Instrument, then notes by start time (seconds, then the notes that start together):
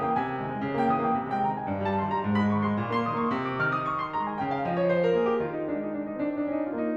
piano
0.00 A#3 G5
0.10 D#3 G#5
0.21 G#3
0.41 G3
0.56 G#3
0.67 C#3
0.80 A#3 G5
0.91 E3 E6
1.03 A#3 G5
1.15 C3
1.25 G#3 G5
1.40 D#3 A#5
1.52 G#3 G#5
1.67 G#2
1.82 G3 A5
1.97 D#3 C6
2.12 G3 A#5
2.24 G#2
2.38 G#3 B5
2.53 D#3 C#6
2.67 G#3 C6
2.81 A#2
2.98 A#3 C6
3.11 D#3 D#6
3.24 A#3 C#6
3.38 C3
3.52 D6
3.63 D#3 F6
3.78 D#6
3.90 C#6
4.04 C6
4.14 G#3 A#5
4.28 G#5
4.39 C#3 G5
4.54 F5
4.69 F3 D#5
4.79 C#5
4.89 C5
5.04 A#4
5.15 A#3 G#4
5.26 G4
5.41 D#3 F4
5.53 D#4
5.71 G#3 D4
5.82 D#4
5.96 D4
6.08 D#4
6.16 C4 D4
6.28 D#4
6.41 C#4 D4
6.54 D#4
6.66 A#3 F4
6.80 D#4